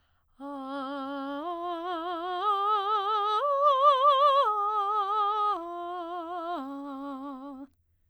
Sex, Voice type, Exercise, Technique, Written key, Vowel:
female, soprano, arpeggios, slow/legato piano, C major, a